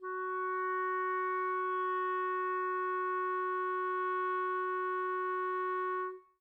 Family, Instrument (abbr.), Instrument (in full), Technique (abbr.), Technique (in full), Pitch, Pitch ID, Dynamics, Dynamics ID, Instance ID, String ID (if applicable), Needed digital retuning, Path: Winds, ClBb, Clarinet in Bb, ord, ordinario, F#4, 66, mf, 2, 0, , FALSE, Winds/Clarinet_Bb/ordinario/ClBb-ord-F#4-mf-N-N.wav